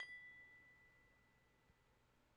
<region> pitch_keycenter=83 lokey=83 hikey=83 volume=34.290849 lovel=0 hivel=65 ampeg_attack=0.004000 ampeg_decay=1.5 ampeg_sustain=0.0 ampeg_release=30.000000 sample=Idiophones/Struck Idiophones/Tubular Glockenspiel/B0_quiet1.wav